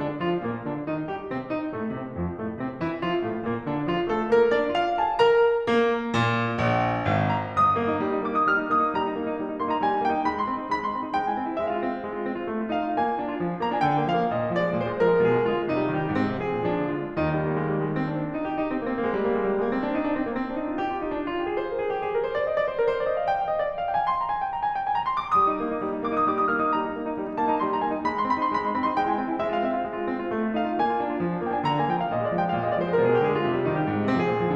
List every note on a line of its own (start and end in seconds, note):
0.00 0.23 D3
0.00 0.23 D4
0.23 0.46 F3
0.23 0.46 F4
0.48 0.68 A#2
0.48 0.68 A#3
0.68 0.85 D3
0.68 0.85 D4
0.86 1.08 D#3
0.86 1.08 D#4
1.08 1.29 G3
1.08 1.29 G4
1.30 1.51 C3
1.30 1.51 C4
1.51 1.74 D#3
1.51 1.74 D#4
1.75 1.96 A2
1.75 1.96 A3
1.96 2.18 C3
1.96 2.18 C4
2.18 2.41 F2
2.18 2.41 F3
2.41 2.60 A2
2.41 2.60 A3
2.60 2.79 C3
2.60 2.79 C4
2.80 3.01 E3
2.80 3.01 E4
3.01 3.20 F3
3.01 3.20 F4
3.22 3.44 A2
3.22 3.44 A3
3.44 3.67 A#2
3.44 3.67 A#3
3.68 3.91 D3
3.68 3.91 D4
3.91 4.13 F3
3.91 4.13 F4
4.14 4.32 A3
4.14 4.32 A4
4.32 4.52 A#3
4.32 4.52 A#4
4.52 4.75 D4
4.52 4.75 D5
4.75 4.96 F4
4.75 4.96 F5
4.97 5.18 A4
4.97 5.18 A5
5.19 5.65 A#4
5.19 5.65 A#5
5.65 6.14 A#3
6.14 6.59 A#2
6.61 7.13 A#1
7.13 7.70 G#1
7.38 7.70 A#5
7.71 7.81 G3
7.71 8.29 D#6
7.81 7.93 D#4
7.93 8.01 A#3
8.02 8.12 D#4
8.13 8.21 G3
8.21 8.29 D#4
8.29 8.39 A#3
8.29 8.39 D6
8.41 8.49 D#4
8.41 8.49 D#6
8.49 8.60 G3
8.49 8.72 F6
8.60 8.72 D#4
8.72 8.82 A#3
8.72 8.92 D#6
8.82 8.92 D#4
8.92 9.02 G3
8.92 9.58 A#5
9.02 9.13 D#4
9.13 9.28 A#3
9.28 9.38 D#4
9.39 9.45 G3
9.46 9.58 D#4
9.58 9.67 A#3
9.58 9.67 C6
9.67 9.79 D#4
9.67 9.79 A#5
9.79 9.93 G3
9.79 10.04 G#5
9.94 10.04 D#4
10.04 10.16 A#3
10.04 10.29 G5
10.16 10.29 D#4
10.29 10.40 G#3
10.29 10.40 B5
10.41 10.50 D#4
10.41 10.50 C6
10.51 10.62 C4
10.62 10.73 D#4
10.73 10.84 G#3
10.73 10.84 B5
10.86 10.95 D#4
10.86 10.95 C6
10.96 11.06 C4
11.06 11.17 D#4
11.17 11.27 G#3
11.17 11.27 G5
11.27 11.38 E4
11.27 11.38 G#5
11.39 11.46 C4
11.46 11.56 E4
11.56 11.68 G#3
11.56 11.68 E5
11.68 11.83 F4
11.68 11.83 F5
11.84 11.94 C4
11.95 12.07 F4
12.07 12.19 G#3
12.19 12.27 F4
12.28 12.40 C4
12.41 12.49 F4
12.49 12.61 A3
12.61 12.70 F4
12.70 12.77 D#4
12.70 12.92 F5
12.78 12.92 F4
12.92 13.06 A#3
12.92 13.61 G#5
13.06 13.19 F4
13.19 13.27 D4
13.28 13.36 F4
13.37 13.49 F3
13.49 13.61 D4
13.61 13.71 A#3
13.61 13.71 A#5
13.71 13.82 D4
13.71 13.82 G#5
13.83 13.93 D3
13.83 14.08 G5
13.93 14.08 A#3
14.08 14.21 F3
14.08 14.35 F5
14.21 14.35 A#3
14.36 14.45 A#2
14.36 14.57 D#5
14.47 14.57 G#3
14.57 14.68 F3
14.57 14.78 D5
14.68 14.78 G#3
14.79 14.88 A#2
14.79 14.99 C5
14.90 14.99 G#3
14.99 15.12 F3
14.99 15.22 A#4
15.12 15.22 G#3
15.22 15.33 B2
15.22 15.44 G#4
15.34 15.44 G#3
15.44 15.55 D3
15.44 15.69 F4
15.55 15.69 G#3
15.69 15.79 C3
15.69 15.91 D#4
15.79 15.91 G3
15.92 16.03 D#3
15.92 16.15 G4
16.03 16.15 G3
16.15 16.29 G#2
16.15 16.40 C4
16.30 16.40 F3
16.43 16.56 C3
16.43 16.67 G#4
16.56 16.67 F3
16.67 16.79 A#2
16.67 16.89 D4
16.79 16.89 F3
16.90 17.02 D3
16.90 17.16 F4
17.03 17.16 G#3
17.16 17.67 D#2
17.16 17.67 D#3
17.16 17.28 D#4
17.28 17.41 G3
17.44 17.54 A#3
17.55 17.67 G#3
17.67 17.77 G3
17.77 17.86 G#3
17.87 17.96 A#3
17.96 18.04 C4
18.04 18.12 D4
18.13 18.20 D#4
18.20 18.30 D4
18.30 18.40 F4
18.40 18.47 D#4
18.48 18.55 G4
18.56 18.62 F4
18.63 18.70 D#4
18.70 18.80 D4
18.80 18.87 C4
18.87 18.96 A#3
18.96 19.08 C4
19.09 19.16 G#3
19.17 19.24 G3
19.24 19.32 A#3
19.32 19.44 G#3
19.44 19.53 G3
19.53 19.60 G#3
19.61 19.67 A#3
19.68 19.75 C4
19.77 19.85 D4
19.85 19.97 D#4
19.97 20.17 D4
20.17 20.25 C4
20.25 20.31 A#3
20.32 20.42 C4
20.43 20.55 D4
20.55 20.65 D#4
20.65 20.76 F4
20.77 20.86 G4
20.87 20.97 F4
20.97 21.08 D#4
21.08 21.19 D4
21.19 21.28 D#4
21.29 21.39 F4
21.40 21.51 G4
21.51 21.61 G#4
21.61 21.70 C5
21.71 21.78 A#4
21.79 21.88 G#4
21.88 21.99 G4
21.99 22.09 G#4
22.09 22.18 A#4
22.19 22.29 C5
22.29 22.41 D5
22.41 22.52 D#5
22.52 22.63 D5
22.65 22.76 C5
22.77 22.88 A#4
22.88 23.00 C5
23.00 23.12 D5
23.13 23.21 D#5
23.22 23.31 F5
23.31 23.39 G5
23.39 23.49 F5
23.49 23.58 D#5
23.59 23.68 D5
23.68 23.79 D#5
23.79 23.89 F5
23.89 24.00 G5
24.01 24.09 G#5
24.10 24.20 C6
24.20 24.29 A#5
24.29 24.43 G#5
24.44 24.53 G5
24.54 24.64 A#5
24.64 24.73 G#5
24.73 24.86 G5
24.86 24.96 G#5
24.98 25.12 A#5
25.12 25.24 C6
25.24 25.37 D6
25.38 25.52 G3
25.38 26.09 D#6
25.53 25.63 D#4
25.63 25.75 A#3
25.75 25.86 D#4
25.86 25.96 G3
25.97 26.09 D#4
26.09 26.18 A#3
26.09 26.18 D6
26.18 26.30 D#4
26.18 26.30 D#6
26.30 26.40 G3
26.30 26.40 D6
26.41 26.51 D#4
26.41 26.51 D#6
26.52 26.62 A#3
26.52 26.62 F6
26.62 26.75 D#4
26.62 26.75 D#6
26.75 26.87 G3
26.75 27.38 A#5
26.88 26.98 D#4
26.99 27.09 A#3
27.09 27.17 D#4
27.17 27.26 G3
27.26 27.38 D#4
27.39 27.49 A#3
27.39 27.49 A5
27.49 27.59 D#4
27.49 27.59 A#5
27.59 27.70 G3
27.59 27.70 C6
27.70 27.81 D#4
27.70 27.81 A#5
27.82 27.91 A#3
27.82 27.91 G#5
27.92 28.04 D#4
27.92 28.04 G5
28.04 28.15 G#3
28.04 28.15 B5
28.15 28.26 D#4
28.15 28.26 C6
28.27 28.36 C4
28.27 28.36 B5
28.37 28.54 D#4
28.37 28.54 C6
28.54 28.65 G#3
28.54 28.65 B5
28.65 28.73 D#4
28.65 28.73 C6
28.73 28.83 C4
28.73 28.83 B5
28.84 28.94 D#4
28.84 28.94 C6
28.96 29.06 G#3
28.96 29.06 G5
29.06 29.13 E4
29.06 29.13 G#5
29.13 29.23 C4
29.13 29.23 G5
29.25 29.37 E4
29.25 29.37 G#5
29.38 29.52 G#3
29.38 29.52 E5
29.52 29.62 F4
29.52 29.62 F5
29.62 29.74 C4
29.62 29.74 E5
29.74 29.85 F4
29.74 29.85 F5
29.86 29.98 G#3
29.98 30.07 F4
30.07 30.17 C4
30.17 30.26 F4
30.27 30.38 A3
30.39 30.50 F4
30.50 30.62 D#4
30.50 30.71 F5
30.62 30.71 F4
30.72 30.82 A#3
30.72 31.46 G#5
30.84 30.98 F4
30.98 31.10 D4
31.10 31.21 F4
31.21 31.31 F3
31.34 31.46 D4
31.46 31.57 A#3
31.46 31.57 G5
31.57 31.68 D4
31.57 31.68 G#5
31.68 31.80 D3
31.68 31.80 A#5
31.80 31.89 A#3
31.80 31.89 G#5
31.90 32.06 F3
31.90 32.06 G5
32.06 32.14 A#3
32.06 32.14 F5
32.14 32.25 A#2
32.14 32.25 D#5
32.26 32.35 G#3
32.26 32.35 D5
32.36 32.46 F3
32.36 32.46 G5
32.46 32.57 G#3
32.46 32.57 F5
32.57 32.69 A#2
32.57 32.69 D#5
32.69 32.80 G#3
32.69 32.80 D5
32.82 32.94 F3
32.82 32.94 C5
32.95 33.09 G#3
32.95 33.09 A#4
33.09 33.19 B2
33.09 33.19 G#4
33.19 33.31 G#3
33.19 33.31 G4
33.32 33.41 D3
33.32 33.41 G#4
33.43 33.55 G#3
33.43 33.62 F4
33.55 33.62 C3
33.62 33.73 G3
33.62 33.73 D#4
33.73 33.83 D#3
33.73 34.10 G4
33.84 33.96 G3
33.96 34.10 G#2
34.10 34.20 F3
34.10 34.20 C4
34.20 34.28 C3
34.20 34.55 G#4
34.30 34.39 F3
34.42 34.55 A#2